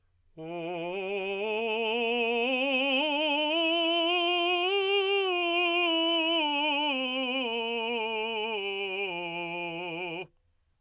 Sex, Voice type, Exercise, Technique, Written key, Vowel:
male, tenor, scales, slow/legato forte, F major, u